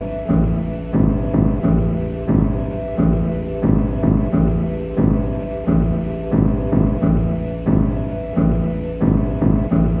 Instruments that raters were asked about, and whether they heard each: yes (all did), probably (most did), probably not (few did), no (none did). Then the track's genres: cello: no
Experimental; Sound Collage; Trip-Hop